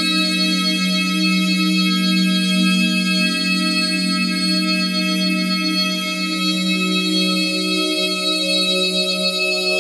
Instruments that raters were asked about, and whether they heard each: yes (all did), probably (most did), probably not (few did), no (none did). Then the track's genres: organ: yes
Experimental; Ambient